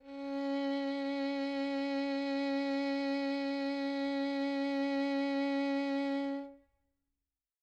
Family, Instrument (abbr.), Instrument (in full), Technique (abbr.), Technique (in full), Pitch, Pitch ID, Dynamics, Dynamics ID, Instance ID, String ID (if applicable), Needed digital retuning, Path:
Strings, Vn, Violin, ord, ordinario, C#4, 61, mf, 2, 3, 4, FALSE, Strings/Violin/ordinario/Vn-ord-C#4-mf-4c-N.wav